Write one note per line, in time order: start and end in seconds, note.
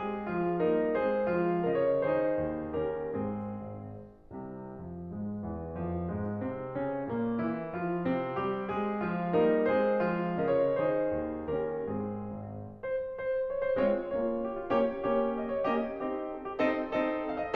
0.00 0.31 G#3
0.00 0.62 G#4
0.31 0.62 F3
0.31 0.62 F4
0.63 0.95 G3
0.63 0.95 A#3
0.63 1.27 D#4
0.63 0.95 A#4
0.95 1.61 G#3
0.95 1.61 C4
0.95 1.61 G#4
0.95 1.61 C5
1.27 1.61 F3
1.27 2.01 F4
1.63 2.01 C#3
1.63 2.01 A#4
1.63 1.75 D#5
1.75 2.01 C#5
2.01 2.43 D#3
2.01 2.84 D#4
2.01 2.84 G#4
2.01 2.84 C5
2.44 2.84 D#2
2.84 3.23 D#2
2.84 3.23 C#4
2.84 3.23 G4
2.84 3.23 A#4
3.23 3.59 G#2
3.23 3.59 C4
3.23 3.59 G#4
3.60 4.40 G#1
4.40 4.81 C2
4.40 4.81 C3
4.81 5.09 F2
4.81 5.09 F3
5.09 5.42 G#2
5.09 5.42 G#3
5.42 5.78 E2
5.42 5.78 E3
5.79 6.10 F2
5.79 6.10 F3
6.10 6.40 G#2
6.10 6.40 G#3
6.40 6.76 C3
6.40 6.76 C4
6.76 7.09 C#3
6.76 7.09 C#4
7.09 7.43 A#2
7.09 7.43 A#3
7.44 7.78 E3
7.44 7.78 E4
7.78 8.06 F3
7.78 8.06 F4
8.06 8.35 C3
8.06 8.35 C4
8.37 8.70 G3
8.37 8.70 G4
8.70 9.07 G#3
8.70 9.37 G#4
9.08 9.37 F3
9.08 9.37 F4
9.37 9.72 G3
9.37 9.72 A#3
9.37 10.04 D#4
9.37 9.72 A#4
9.72 10.39 G#3
9.72 10.39 C4
9.72 10.39 G#4
9.72 10.39 C5
10.04 10.39 F3
10.04 10.74 F4
10.39 10.74 C#3
10.39 10.74 A#4
10.39 10.57 D#5
10.57 10.74 C#5
10.74 11.04 D#3
10.74 11.53 D#4
10.74 11.53 G#4
10.74 11.53 C5
11.04 11.53 D#2
11.53 11.88 D#2
11.53 11.88 C#4
11.53 11.88 G4
11.53 11.88 A#4
11.90 12.23 G#2
11.90 12.23 C4
11.90 12.23 G#4
12.23 12.78 G#1
12.78 13.14 C5
13.14 13.43 C5
13.43 13.60 C#5
13.60 13.75 C5
13.76 14.07 G#3
13.76 14.07 C4
13.76 14.07 F4
13.76 14.07 C#5
14.07 14.71 A#3
14.07 14.71 C#4
14.07 14.40 F4
14.07 14.40 C#5
14.40 14.56 G4
14.56 14.71 F4
14.71 15.13 A#3
14.71 15.13 C#4
14.71 15.13 G4
14.71 15.13 C#5
15.13 15.67 A#3
15.13 15.67 C#4
15.13 15.37 G4
15.13 15.37 C#5
15.38 15.52 D#5
15.52 15.67 C#5
15.67 16.01 A#3
15.67 16.01 C#4
15.67 16.01 G4
15.67 16.01 D#5
16.01 16.61 C4
16.01 16.61 D#4
16.01 16.27 G4
16.01 16.27 D#5
16.28 16.45 A4
16.45 16.61 G4
16.61 16.95 C4
16.61 16.95 D#4
16.61 16.95 A4
16.61 16.95 D#5
16.96 17.57 C4
16.96 17.57 D#4
16.96 17.26 A4
16.96 17.26 D#5
17.26 17.41 F5
17.43 17.57 D#5